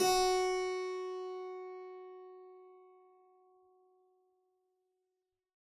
<region> pitch_keycenter=66 lokey=66 hikey=67 volume=-0.214264 trigger=attack ampeg_attack=0.004000 ampeg_release=0.400000 amp_veltrack=0 sample=Chordophones/Zithers/Harpsichord, Flemish/Sustains/Low/Harpsi_Low_Far_F#3_rr1.wav